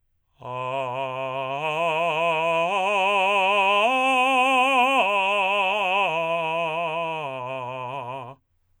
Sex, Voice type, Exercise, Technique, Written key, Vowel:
male, tenor, arpeggios, slow/legato forte, C major, a